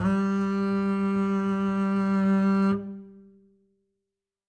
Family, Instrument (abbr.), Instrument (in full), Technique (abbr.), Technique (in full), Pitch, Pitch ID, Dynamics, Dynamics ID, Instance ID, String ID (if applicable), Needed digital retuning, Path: Strings, Cb, Contrabass, ord, ordinario, G3, 55, ff, 4, 2, 3, TRUE, Strings/Contrabass/ordinario/Cb-ord-G3-ff-3c-T16u.wav